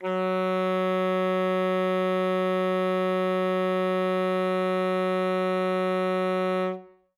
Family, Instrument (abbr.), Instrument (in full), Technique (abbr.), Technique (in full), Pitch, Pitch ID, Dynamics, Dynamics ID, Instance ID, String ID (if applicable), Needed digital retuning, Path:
Winds, ASax, Alto Saxophone, ord, ordinario, F#3, 54, ff, 4, 0, , FALSE, Winds/Sax_Alto/ordinario/ASax-ord-F#3-ff-N-N.wav